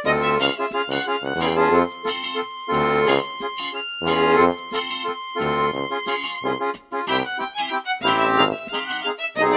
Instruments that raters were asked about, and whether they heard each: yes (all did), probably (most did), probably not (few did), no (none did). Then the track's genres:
accordion: probably
guitar: no
Soundtrack; Ambient Electronic; Unclassifiable